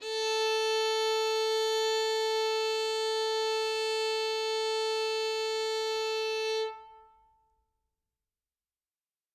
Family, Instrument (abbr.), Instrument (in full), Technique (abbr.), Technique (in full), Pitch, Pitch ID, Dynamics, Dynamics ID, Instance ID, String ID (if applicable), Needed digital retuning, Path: Strings, Vn, Violin, ord, ordinario, A4, 69, ff, 4, 1, 2, FALSE, Strings/Violin/ordinario/Vn-ord-A4-ff-2c-N.wav